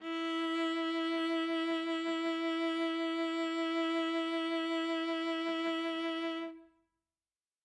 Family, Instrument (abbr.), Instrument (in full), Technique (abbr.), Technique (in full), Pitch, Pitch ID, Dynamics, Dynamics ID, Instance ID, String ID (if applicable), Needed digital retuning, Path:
Strings, Va, Viola, ord, ordinario, E4, 64, ff, 4, 1, 2, FALSE, Strings/Viola/ordinario/Va-ord-E4-ff-2c-N.wav